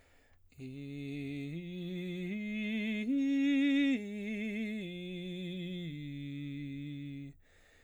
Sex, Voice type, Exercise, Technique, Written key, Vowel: male, baritone, arpeggios, slow/legato piano, C major, i